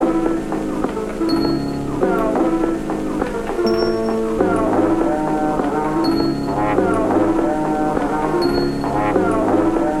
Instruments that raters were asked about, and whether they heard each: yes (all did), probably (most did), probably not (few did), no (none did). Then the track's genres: trumpet: probably not
trombone: probably
Avant-Garde; Experimental; Sound Collage